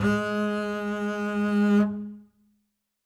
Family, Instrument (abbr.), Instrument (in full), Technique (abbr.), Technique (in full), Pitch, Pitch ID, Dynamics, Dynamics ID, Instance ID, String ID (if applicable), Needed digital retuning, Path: Strings, Cb, Contrabass, ord, ordinario, G#3, 56, ff, 4, 1, 2, TRUE, Strings/Contrabass/ordinario/Cb-ord-G#3-ff-2c-T13u.wav